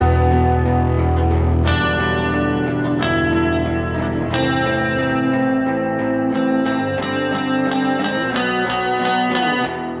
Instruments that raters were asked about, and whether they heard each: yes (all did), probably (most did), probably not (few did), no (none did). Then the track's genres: guitar: probably
Pop; Folk; Indie-Rock